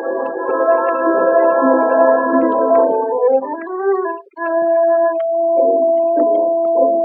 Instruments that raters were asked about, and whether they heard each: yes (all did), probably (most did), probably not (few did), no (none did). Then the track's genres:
flute: probably
Classical; Old-Time / Historic